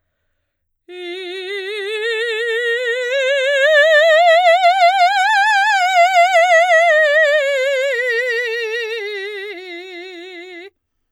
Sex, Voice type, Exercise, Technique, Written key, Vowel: female, soprano, scales, slow/legato forte, F major, i